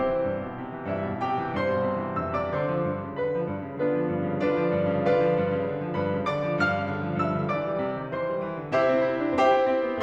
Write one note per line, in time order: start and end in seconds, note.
0.00 0.14 C3
0.00 0.87 C4
0.00 0.87 E4
0.00 0.87 G4
0.00 0.87 C5
0.14 0.27 E3
0.27 0.43 G2
0.43 0.59 B2
0.59 0.73 C3
0.73 0.87 E3
0.87 1.02 G2
0.87 1.21 E4
0.87 1.21 E5
1.02 1.21 B2
1.25 1.40 C3
1.25 1.56 G4
1.25 1.56 G5
1.42 1.56 E3
1.57 1.70 G2
1.57 2.15 C5
1.57 2.15 C6
1.70 1.85 B2
1.86 1.97 C3
1.99 2.15 E3
2.15 2.32 G2
2.15 2.32 E5
2.15 2.32 E6
2.32 2.47 C3
2.32 2.47 D5
2.32 2.47 D6
2.47 2.64 D3
2.47 3.19 C5
2.47 3.19 C6
2.64 2.82 F3
2.82 3.05 G2
3.05 3.19 C#3
3.20 3.33 D3
3.20 3.48 B4
3.20 3.48 B5
3.34 3.48 F3
3.49 3.65 G2
3.65 3.80 C#3
3.81 3.95 D3
3.81 4.42 B3
3.81 4.42 D4
3.81 4.42 F4
3.81 4.42 B4
3.95 4.09 F3
4.10 4.26 G2
4.26 4.42 C#3
4.42 4.60 D3
4.42 5.06 D4
4.42 5.06 F4
4.42 5.06 B4
4.42 5.06 D5
4.60 4.77 F3
4.77 4.90 G2
4.90 5.06 C#3
5.06 5.19 D3
5.06 5.99 F4
5.06 5.99 B4
5.06 5.99 D5
5.06 5.99 F5
5.20 5.38 F3
5.39 5.53 G2
5.54 5.70 C#3
5.71 5.86 D3
5.87 5.99 F3
6.00 6.13 G2
6.00 6.27 B4
6.00 6.27 B5
6.13 6.27 C#3
6.27 6.42 D3
6.27 6.58 D5
6.27 6.58 D6
6.42 6.58 F3
6.58 6.75 G2
6.58 7.20 F5
6.58 7.20 F6
6.75 6.90 C#3
6.90 7.05 D3
7.06 7.20 F3
7.21 7.34 G2
7.21 7.51 E5
7.21 7.51 E6
7.35 7.51 D3
7.52 7.66 E3
7.52 8.13 D5
7.52 8.13 D6
7.67 7.81 G3
7.83 7.96 C3
7.98 8.13 D#3
8.13 8.31 E3
8.13 8.46 C5
8.13 8.46 C6
8.31 8.46 G3
8.46 8.60 E3
8.60 8.75 D3
8.75 8.93 C3
8.75 9.39 E4
8.75 9.39 G4
8.75 9.39 C5
8.75 9.39 E5
8.93 9.04 C4
9.06 9.22 E4
9.23 9.39 D4
9.42 9.57 C4
9.42 10.03 G4
9.42 10.03 C5
9.42 10.03 E5
9.42 10.03 G5
9.58 9.73 E4
9.74 9.88 C4
9.89 10.03 B3